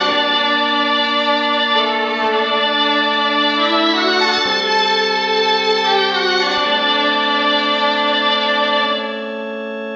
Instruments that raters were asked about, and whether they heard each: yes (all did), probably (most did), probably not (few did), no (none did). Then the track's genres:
cymbals: no
violin: no
Pop; Folk; Indie-Rock